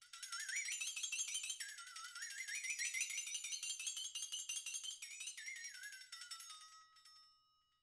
<region> pitch_keycenter=62 lokey=62 hikey=62 volume=20.000000 offset=606 ampeg_attack=0.004000 ampeg_release=1.000000 sample=Idiophones/Struck Idiophones/Flexatone/flexatone_long.wav